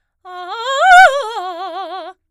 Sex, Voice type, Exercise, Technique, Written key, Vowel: female, soprano, arpeggios, fast/articulated forte, F major, a